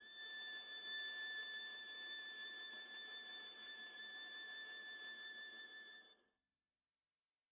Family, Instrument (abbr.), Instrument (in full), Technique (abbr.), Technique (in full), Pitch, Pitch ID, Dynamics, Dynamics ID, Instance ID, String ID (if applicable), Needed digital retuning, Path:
Strings, Va, Viola, ord, ordinario, A6, 93, mf, 2, 0, 1, FALSE, Strings/Viola/ordinario/Va-ord-A6-mf-1c-N.wav